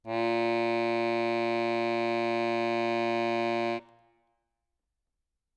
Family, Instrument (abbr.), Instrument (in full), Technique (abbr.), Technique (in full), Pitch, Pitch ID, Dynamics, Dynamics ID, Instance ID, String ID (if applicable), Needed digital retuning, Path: Keyboards, Acc, Accordion, ord, ordinario, A#2, 46, ff, 4, 1, , FALSE, Keyboards/Accordion/ordinario/Acc-ord-A#2-ff-alt1-N.wav